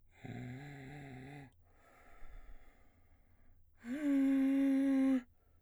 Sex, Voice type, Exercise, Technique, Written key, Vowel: male, baritone, long tones, inhaled singing, , u